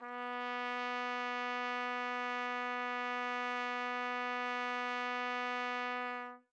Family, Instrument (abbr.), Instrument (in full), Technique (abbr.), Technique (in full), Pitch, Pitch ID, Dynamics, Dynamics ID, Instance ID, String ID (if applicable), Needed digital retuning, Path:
Brass, TpC, Trumpet in C, ord, ordinario, B3, 59, mf, 2, 0, , FALSE, Brass/Trumpet_C/ordinario/TpC-ord-B3-mf-N-N.wav